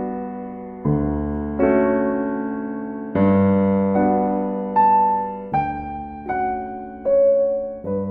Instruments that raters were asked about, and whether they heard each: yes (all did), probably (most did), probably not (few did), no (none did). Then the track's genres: drums: no
piano: yes
Classical